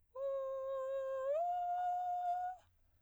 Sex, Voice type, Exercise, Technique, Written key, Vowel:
female, soprano, long tones, inhaled singing, , u